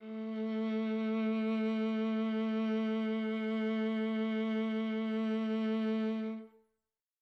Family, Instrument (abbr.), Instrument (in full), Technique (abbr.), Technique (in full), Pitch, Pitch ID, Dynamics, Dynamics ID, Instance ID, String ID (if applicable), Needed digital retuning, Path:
Strings, Va, Viola, ord, ordinario, A3, 57, mf, 2, 3, 4, TRUE, Strings/Viola/ordinario/Va-ord-A3-mf-4c-T10u.wav